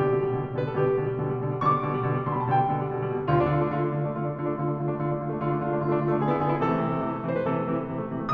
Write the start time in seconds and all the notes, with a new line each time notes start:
0.00 B2 D3 G4
0.09 G3
0.24 B2 D3
0.34 G3
0.43 B2 D3
0.57 G3
0.66 B2 D3 B4
0.75 G3 A4
0.81 B2 D3 G4
0.94 G3
1.04 B2 D3
1.15 G3
1.24 B2 D3
1.35 G3
1.46 B2 D3
1.57 G3
1.68 B2 D3 C#6
1.79 G3 D6
1.92 B2 D3
2.03 G3
2.11 B2 D3
2.19 G3 C6
2.28 B2 D3 B5
2.37 G3 A5
2.46 B2 D3 G5
2.58 G3
2.71 B2 D3
2.81 G3
2.91 B2 D3
3.03 G3
3.12 B2 D3
3.22 G3
3.32 D2 D3 F4
3.40 D4
3.51 D3 F4
3.61 A3 D4
3.74 D3 F4
3.83 A3 D4
3.94 D3 F4
4.04 A3 D4
4.16 D3 F4
4.26 A3 D4
4.40 D3 F4
4.49 A3 D4
4.59 D3 F4
4.69 A3 D4
4.78 D3 F4
4.90 A3 D4
5.02 D3 F4
5.11 A3 D4
5.20 D3 F4
5.32 A3 D4
5.41 D3 F4
5.51 A3 D4
5.61 D3 F4
5.70 A3 D4
5.80 D3 F4
5.90 A3 D4
5.99 D3 F4
6.08 A3 D4
6.18 D3 G#4
6.29 B3 E4
6.40 D3 G#4
6.49 B3 E4
6.59 C3 E3 A4
6.69 A3
6.78 C3 E3
6.88 A3
7.00 C3 E3
7.15 A3
7.26 C3 E3 C5
7.34 A3 B4
7.43 C3 E3 A4
7.55 A3
7.63 C3 E3
7.73 A3
7.83 C3 E3
7.94 A3
8.03 C3 E3
8.14 A3
8.23 C3 E3 D#6